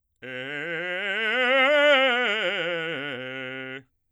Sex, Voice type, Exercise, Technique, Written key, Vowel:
male, bass, scales, fast/articulated forte, C major, e